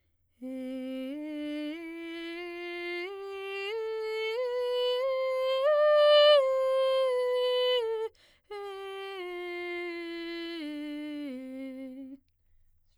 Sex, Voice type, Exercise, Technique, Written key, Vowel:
female, soprano, scales, straight tone, , e